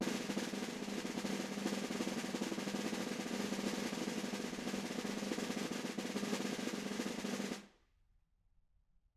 <region> pitch_keycenter=63 lokey=63 hikey=63 volume=20.214065 offset=43 lovel=0 hivel=65 ampeg_attack=0.004000 ampeg_release=0.5 sample=Membranophones/Struck Membranophones/Snare Drum, Modern 1/Snare2_rollSN_v2_rr1_Mid.wav